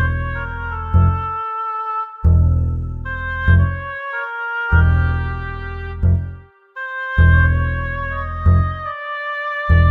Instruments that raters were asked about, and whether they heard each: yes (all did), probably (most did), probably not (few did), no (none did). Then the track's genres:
trombone: probably not
clarinet: yes
trumpet: probably not
mallet percussion: no
saxophone: probably
Experimental; Ambient